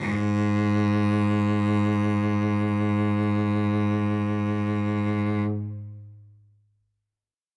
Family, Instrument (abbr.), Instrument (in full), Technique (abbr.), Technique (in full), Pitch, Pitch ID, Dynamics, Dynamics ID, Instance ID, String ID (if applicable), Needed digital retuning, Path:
Strings, Vc, Cello, ord, ordinario, G#2, 44, ff, 4, 2, 3, TRUE, Strings/Violoncello/ordinario/Vc-ord-G#2-ff-3c-T10d.wav